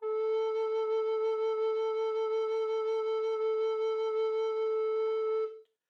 <region> pitch_keycenter=69 lokey=69 hikey=70 volume=9.945456 offset=575 ampeg_attack=0.004000 ampeg_release=0.300000 sample=Aerophones/Edge-blown Aerophones/Baroque Tenor Recorder/SusVib/TenRecorder_SusVib_A3_rr1_Main.wav